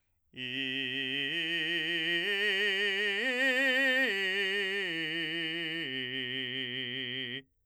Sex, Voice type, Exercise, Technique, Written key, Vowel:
male, , arpeggios, belt, , i